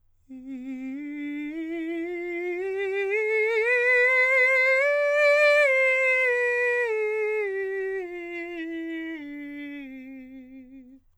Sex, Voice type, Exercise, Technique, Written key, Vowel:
male, countertenor, scales, vibrato, , i